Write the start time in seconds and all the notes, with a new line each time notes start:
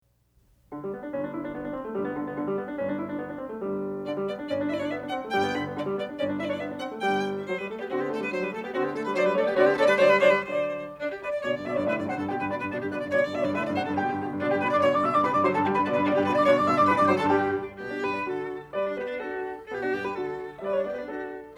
0.03 G4
0.72 D3
0.85 G3
0.93 B3
1.02 D4
1.14 G1 G2 C#4
1.22 D4
1.31 E4
1.42 D4
1.52 B3
1.61 D4
1.71 C4
1.81 A3
1.91 G1 G2 G3
2.03 B3
2.14 D3
2.23 B3
2.33 D3
2.46 G3
2.55 B3
2.66 D4
2.75 G1 G2 C#4
2.84 D4
2.96 E4
3.06 D4
3.17 B3
3.27 D4
3.38 C4
3.51 A3
3.63 G1 G2 G3
4.09 D3 D5
4.19 G3
4.31 B3 D5
4.40 D4
4.50 G1 G2 C#4 D5
4.59 D4
4.70 E4 D5 E5
4.77 D4 C#5 D5
4.86 D5
4.91 B3 E5
5.00 D4
5.11 C4 F#5
5.21 A3
5.32 G1 G2 G3 G5
5.42 B3
5.54 D3 B5
5.63 B3
5.75 D3 D5
5.87 G3
5.99 B3 D5
6.09 D4
6.20 G1 G2 C#4 D5
6.32 D4
6.42 E4 D5 E5
6.49 D4 C#5 D5
6.57 D5
6.62 B3 E5
6.72 D4
6.81 C4 F#5
6.92 A3
7.02 G1 G2 G3 G5
7.45 F#3 C5
7.56 G3 B4
7.67 A3 A4
7.78 B3 G4
7.88 D3 C4 F#4
8.00 B3 G4
8.10 A3 A4
8.20 G3 B4
8.30 F#3 C5
8.44 G3 B4
8.53 A3 A4
8.64 B3 G4
8.74 D3 C4 F#4
8.85 B3 G4
8.97 A3 A4
9.08 G3 B4
9.14 C#5
9.18 F#3 C5 D5
9.28 G3 B4
9.32 C#5
9.37 A3 A4 D5
9.48 B3 G4
9.54 C#5
9.59 D3 C4 F#4 D5
9.71 B3 G4
9.76 C#5
9.82 A3 A4 D5
9.91 G3 B4
9.96 C#5
10.03 D3 F#3 C5 D5
10.13 G3 B4
10.18 C#5
10.24 D3 F#3 C5 D5
10.38 G3 B4
10.44 C#5
10.52 D3 F#3 C5 D5
10.99 D4 D5
11.11 G4
11.21 B4 D5
11.32 D5
11.42 B2 D3 C#5 D5
11.53 G2 D5
11.62 B2 D3 D5 E5
11.70 D5
11.75 G2 C#5 D5
11.82 D5
11.86 B2 D3 B4 E5
11.97 G2 D5
12.07 C3 D3 C5 F#5
12.19 G2 A4
12.28 B2 D3 G4 G5
12.39 G2 B4
12.49 B2 D3 D4 B5
12.61 G2 B4
12.71 B2 D3 D4 D5
12.82 G2 G4
12.93 B2 D3 B4 D5
13.04 G2 D5
13.14 B2 D3 C#5 D5
13.25 G2 D5
13.35 B2 D3 D5 E5
13.42 G2 C#5 D5
13.50 B2 D3 B4 D5 E5
13.64 G2 D5
13.75 C3 D3 C5 F#5
13.87 G2 A4
13.97 B2 D3 G4 G5
14.07 G2
14.19 B2 D3
14.29 G2
14.40 B2 D3 D4 D5
14.49 G2 G4 G5
14.59 B2 D3 B4 B5
14.70 G2 D5 D6
14.80 B2 D3 C#5 C#6
14.91 G2 D5 D6
15.02 B2 D3 E5 E6
15.12 G2 D5 D6
15.21 B2 D3 B4 B5
15.31 G2 D5 D6
15.42 D3 F#3 C5 C6
15.52 G2 A4 A5
15.63 D3 G3 G4 G5
15.74 G2 B4 B5
15.87 B2 D3 D4 D5
15.97 G2 B4 B5
16.08 B2 D3 D4 D5
16.17 G2 G4 G5
16.24 B2 D3 B4 B5
16.32 G2 D5 D6
16.43 B2 D3 C#5 C#6
16.53 G2 D5 D6
16.65 B2 D3 E5 E6
16.75 G2 D5 D6
16.86 B2 D3 B4 B5
16.95 G2 D5 D6
17.05 D3 F#3 C5 C6
17.17 G2 A4 A5
17.30 G2 D3 G3 G4 G5
17.77 B2 B3 G4
17.88 D4
17.99 G2 G4 B4
18.11 D4
18.24 D3 F#4 A4
18.75 G3 B4 D5
18.88 D4
18.97 B3 G4 B4
19.09 D4
19.19 D4 F#4 A4
19.67 A4
19.71 B2 B3 G4
19.82 D4 F#4
19.93 G2 B3 G4
20.05 G4 B4
20.15 D3 F#4 A4
20.55 E5
20.60 G3 B4 D5
20.73 D4 C#5
20.85 B3 G4 D5
20.96 D4 B4
21.07 D4 F#4 A4